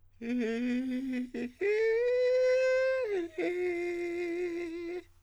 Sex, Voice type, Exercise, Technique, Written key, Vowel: male, countertenor, long tones, inhaled singing, , e